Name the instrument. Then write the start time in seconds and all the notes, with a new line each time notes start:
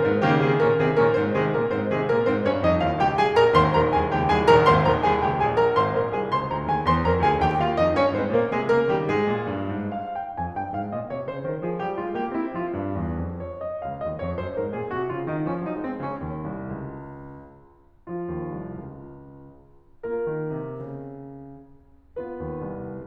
piano
0.01 G#2 D#3 D#4 C5
0.23 C#3 D#3 A#3 G4
0.44 C3 D#3 C4 G#4
0.62 A#2 D#3 C#4 A#4
0.86 C3 D#3 C4 G#4
1.13 A#2 D#3 C#4 A#4
1.38 G#2 D#3 D#4 C5
1.67 C3 D#3 G#3 G#4
2.00 A#2 D#3 A#3 A#4
2.22 G#2 D#3 C4 C5
2.44 G2 C#4 C#5
2.63 F2 D#4 D#5
2.82 D#2 F4 F5
3.01 C#2 G4 G5
3.22 C2 G#4 G#5
3.41 A#1 A#4 A#5
3.56 G#1 D#2 C5 C6
3.77 A#1 D#2 A#4 A#5
3.95 C2 D#2 G#4 G#5
4.14 C#2 D#2 G4 G5
4.26 C2 D#2 G#4 G#5
4.48 A#1 D#2 A#4 A#5
4.66 G#1 D#2 C5 C6
4.84 A#1 D#2 A#4 A#5
5.03 C2 D#2 G#4 G#5
5.24 C#2 D#2 G4 G5
5.46 C2 D#2 G#4 G#5
5.61 A#1 D#2 A#4 A#5
5.78 G#1 C5 C6
5.94 A#1 A#4 A#5
6.14 C2 G#4 G#5
6.24 C#2 C5 C6
6.47 D2 A#4 A#5
6.66 D#2 G#4 G#5
6.81 E2 C5 C6
7.02 F2 A#4 A#5
7.23 D2 G#4 G#5
7.40 D#2 G4 G5
7.60 D#2 F4 F5
7.77 F2 D#4 D#5
7.97 G2 C#4 C#5
8.12 G#2 C4 C5
8.32 A#2 A#3 A#4
8.55 C3 G#3 G#4
8.71 C#3 A#3 A#4
8.89 D#3 G3 G4
9.11 G#2 G#3 G#4
9.32 A#2
9.50 G2
9.72 G#2
9.96 F5
10.15 G5
10.34 F2 G#5
10.48 G2 G5
10.66 G#2 F5
10.88 A#2 D#5
11.09 C3 C#5
11.24 C#3 C5
11.44 D#3 A#4
11.63 F3 G#4
11.81 G3 G4
12.01 G#3 F4
12.20 A#3 G4
12.38 C4 E4
12.53 F3 F4
12.72 G2
12.94 E2
13.24 F2
13.45 C#5
13.65 D#5
13.83 C#2 F5
14.02 D#2 D#5
14.26 F2 C#5
14.39 F#2 C5
14.55 G#2 A#4
14.74 A#2 G#4
14.95 C3 F#4
15.12 C#3 F4
15.27 D#3 D#4
15.44 F3 C#4
15.63 F#3 D#4
15.83 G#3 C4
15.98 C#3 C#4
16.24 D#2
16.48 C2
16.82 C#2
18.07 F3 F4
18.27 D#2
18.51 C2
18.77 C#2
20.03 A#3 F4 A#4
20.29 D#3
20.53 C3
20.85 C#3
22.19 B3 F4 B4
22.40 D#2
22.71 C2